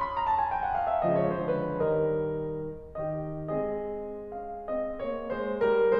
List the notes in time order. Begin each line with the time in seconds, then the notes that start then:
0.01 B5
0.14 A#5
0.26 A5
0.37 G#5
0.50 G5
0.66 F#5
0.81 F5
0.98 E5
1.10 C#3 F3 G#3 D#5
1.23 C#5
1.37 D3 F3 G#3 C5
1.54 A#4
1.70 D#3 G3 A#4 D#5
3.22 D#3 A#3 G4 D#5
3.52 G#3 C4 G#4 D#5
4.39 C#4 F5
4.78 C4 D#5
5.06 A#3 C#5
5.33 G#3 C5
5.62 G3 A#4